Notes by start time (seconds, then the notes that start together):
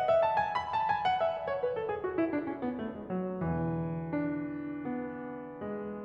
0.01 F#5
0.11 E5
0.23 A5
0.37 G#5
0.56 B5
0.69 A5
0.86 G#5
1.04 F#5
1.21 E5
1.33 D5
1.47 C#5
1.61 B4
1.74 A4
1.88 G#4
2.01 F#4
2.18 E4
2.30 D4
2.44 C#4
2.63 B3
2.79 A3
2.94 G#3
3.11 F#3
3.33 E2 B2 D3 E3
4.17 D4
4.86 B3
5.57 G#3